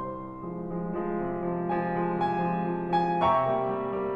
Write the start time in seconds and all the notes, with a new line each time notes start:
0.00 C2 C3 C5 C6
0.37 F3 G#3
0.62 F3 G#3
0.91 F3 G#3
1.15 C3
1.39 F3 G#3
1.71 F3 G#3 G#5
1.99 F3 G#3
2.18 C3 G#5
2.44 F3 G#3
2.67 F3 G#3
2.89 F3 G#3 G#5
3.16 C3 E5 G5 A#5 C#6
3.42 G3 A#3
3.68 G3 A#3
3.92 G3 A#3